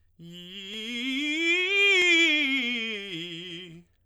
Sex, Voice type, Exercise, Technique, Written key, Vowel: male, tenor, scales, fast/articulated piano, F major, i